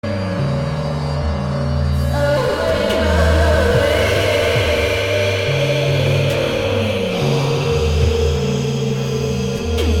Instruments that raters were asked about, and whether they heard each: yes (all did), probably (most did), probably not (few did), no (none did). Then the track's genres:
mandolin: no
voice: yes
clarinet: no
cello: no
Experimental; Unclassifiable